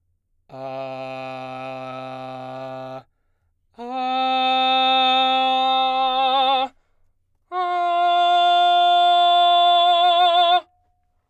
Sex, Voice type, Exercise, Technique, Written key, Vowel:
male, baritone, long tones, full voice forte, , a